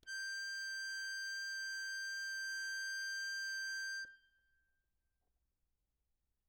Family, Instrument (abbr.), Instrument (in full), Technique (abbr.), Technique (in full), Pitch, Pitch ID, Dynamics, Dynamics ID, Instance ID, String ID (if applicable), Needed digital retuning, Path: Keyboards, Acc, Accordion, ord, ordinario, G6, 91, ff, 4, 1, , FALSE, Keyboards/Accordion/ordinario/Acc-ord-G6-ff-alt1-N.wav